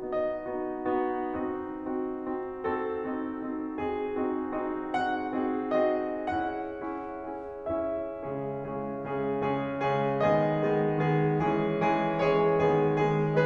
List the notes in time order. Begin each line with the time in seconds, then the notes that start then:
0.00 B3 D#4 F#4 D#5
0.44 B3 D#4 F#4
0.86 B3 D#4 F#4
1.32 C4 D#4 F#4
1.76 C4 D#4 F#4
2.18 C4 D#4 F#4
2.61 C4 D#4 F#4 A4
3.04 C4 D#4 F#4
3.41 C4 D#4 F#4
3.78 C4 D#4 F#4 G#4
4.21 C4 D#4 F#4
4.57 C4 D#4 F#4
4.95 C4 D#4 F#4 G#4 F#5
5.42 C4 D#4 F#4 G#4
5.86 C4 D#4 F#4 G#4 D#5
6.34 C#4 E4 G#4 F#5
6.73 C#4 E4 G#4
7.20 C#4 E4 G#4
7.70 C#4 E4 G#4 E5
8.28 C#3 G#3 C#4 G#4
8.73 C#3 G#3 C#4 G#4
9.17 C#3 G#3 C#4 G#4
9.47 C#3 G#3 C#4 G#4
9.93 C#3 G#3 C#4 G#4
10.26 D#3 G#3 B3 G#4 D#5
10.75 D#3 G#3 B3 G#4
11.04 D#3 G#3 B3 G#4
11.44 E3 G#3 C#4 G#4
11.84 E3 G#3 C#4 G#4
12.24 E3 G#3 C#4 G#4 C#5
12.62 D#3 G#3 B3 G#4
12.99 D#3 G#3 B3 G#4